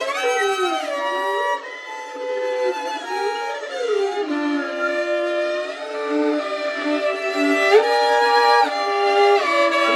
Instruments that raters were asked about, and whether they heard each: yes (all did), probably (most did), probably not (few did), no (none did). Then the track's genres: flute: no
violin: yes
guitar: no
Avant-Garde; Soundtrack; Noise; Psych-Folk; Experimental; Free-Jazz; Freak-Folk; Unclassifiable; Musique Concrete; Improv; Sound Art; Contemporary Classical; Instrumental